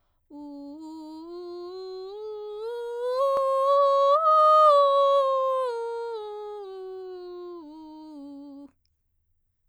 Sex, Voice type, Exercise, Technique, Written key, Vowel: female, soprano, scales, vocal fry, , u